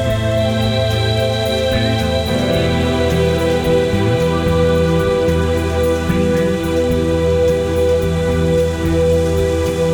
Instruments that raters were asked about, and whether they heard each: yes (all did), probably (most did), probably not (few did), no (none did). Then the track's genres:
organ: probably not
Ambient Electronic